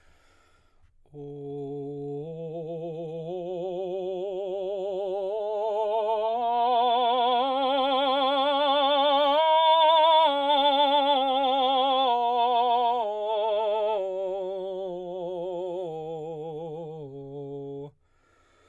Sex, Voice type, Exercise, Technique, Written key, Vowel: male, baritone, scales, slow/legato forte, C major, o